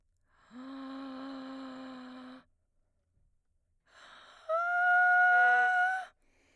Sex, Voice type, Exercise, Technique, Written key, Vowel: female, soprano, long tones, inhaled singing, , a